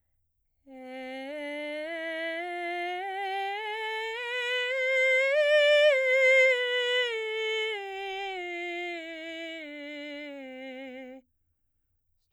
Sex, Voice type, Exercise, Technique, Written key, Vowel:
female, soprano, scales, straight tone, , e